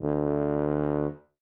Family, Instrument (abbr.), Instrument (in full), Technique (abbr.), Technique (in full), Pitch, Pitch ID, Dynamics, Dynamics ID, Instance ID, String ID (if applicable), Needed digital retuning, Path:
Brass, BTb, Bass Tuba, ord, ordinario, D2, 38, ff, 4, 0, , TRUE, Brass/Bass_Tuba/ordinario/BTb-ord-D2-ff-N-T13u.wav